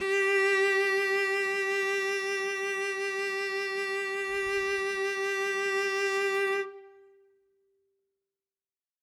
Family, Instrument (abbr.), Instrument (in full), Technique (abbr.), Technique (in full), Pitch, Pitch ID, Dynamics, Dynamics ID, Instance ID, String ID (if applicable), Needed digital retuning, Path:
Strings, Vc, Cello, ord, ordinario, G4, 67, ff, 4, 0, 1, FALSE, Strings/Violoncello/ordinario/Vc-ord-G4-ff-1c-N.wav